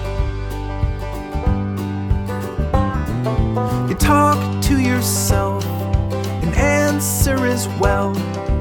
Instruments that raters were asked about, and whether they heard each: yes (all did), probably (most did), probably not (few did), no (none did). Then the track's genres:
banjo: yes
mandolin: probably
Pop; Folk; Singer-Songwriter